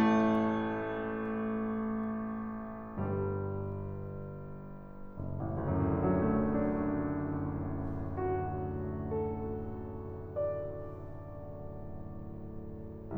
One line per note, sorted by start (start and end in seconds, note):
0.00 3.00 A1
0.00 3.00 A2
0.00 3.00 A3
3.00 5.71 G1
3.00 5.71 G2
3.00 5.71 G3
5.71 12.54 F#1
5.77 12.54 A1
5.86 6.08 D2
5.92 6.13 F#2
5.98 6.18 A2
6.08 6.29 D3
6.14 6.34 F#3
6.20 9.16 A3
6.29 9.16 D4
8.17 10.94 F#4
9.17 12.54 A4
10.14 12.54 D5